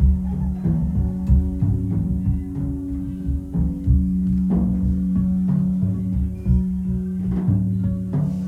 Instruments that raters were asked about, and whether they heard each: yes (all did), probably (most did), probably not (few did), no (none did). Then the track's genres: bass: probably
Experimental; Drone; Ambient